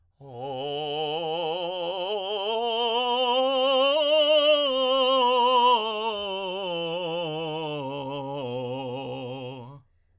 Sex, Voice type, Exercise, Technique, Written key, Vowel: male, tenor, scales, vibrato, , o